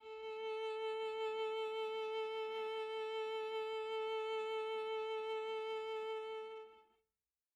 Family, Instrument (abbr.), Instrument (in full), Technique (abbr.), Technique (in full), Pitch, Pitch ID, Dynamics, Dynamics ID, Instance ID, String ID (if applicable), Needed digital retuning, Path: Strings, Va, Viola, ord, ordinario, A4, 69, mf, 2, 1, 2, FALSE, Strings/Viola/ordinario/Va-ord-A4-mf-2c-N.wav